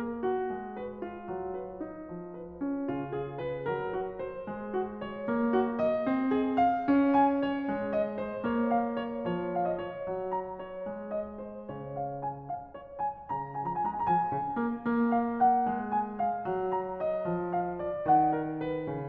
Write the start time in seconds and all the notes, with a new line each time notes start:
0.00 A#4
0.20 F#4
0.46 G#3
0.77 B4
1.00 F4
1.28 F#3
1.60 B4
1.83 D#4
2.07 F3
2.40 B4
2.66 C#4
2.90 C#3 F4
3.15 G#4
3.40 B4
3.67 F#3 A#4
3.94 F#4
4.20 C5
4.49 G#3
4.78 F#4
5.03 C#5
5.28 A#3
5.54 F#4
5.79 D#5
6.08 C4
6.32 G#4
6.57 F5
6.84 C#4
7.13 G#5
7.38 C#5
7.69 G#3
7.96 D#5
8.21 C5
8.43 A#3 C#5
8.72 F5
8.96 C#5
9.26 F3 C#5
9.56 F5
9.67 D#5
9.78 C#5
10.02 F#3
10.32 A#5
10.55 C#5
10.84 G#3
11.10 D#5
11.35 C5
11.68 C#3 C#5
11.98 F5
12.21 G#5
12.50 F5
12.71 C#5
12.93 G#5
13.19 C#3 F#5
13.28 G#5
13.41 A#5
13.53 F3
13.60 G#5
13.70 A#5
13.79 G#3 G#5
13.89 A#5
13.98 G#5
14.06 F3
14.32 C#3
14.57 A#3
14.87 A#3
15.19 F5
15.43 F#5
15.77 G#3
16.02 G#5
16.24 F5
16.44 F#3
16.74 A#5
16.99 D#5
17.28 F3
17.54 F5
17.82 D5
18.09 D#3 F#5
18.38 A#4
18.66 B4
18.88 C#3